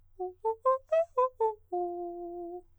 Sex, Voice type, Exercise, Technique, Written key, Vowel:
male, countertenor, arpeggios, fast/articulated piano, F major, u